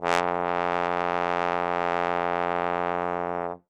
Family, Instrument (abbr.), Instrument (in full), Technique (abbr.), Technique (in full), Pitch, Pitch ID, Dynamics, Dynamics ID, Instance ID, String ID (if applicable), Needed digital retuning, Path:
Brass, Tbn, Trombone, ord, ordinario, F2, 41, ff, 4, 0, , FALSE, Brass/Trombone/ordinario/Tbn-ord-F2-ff-N-N.wav